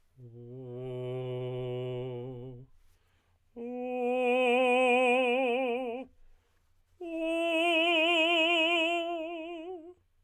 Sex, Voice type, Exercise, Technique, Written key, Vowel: male, tenor, long tones, messa di voce, , o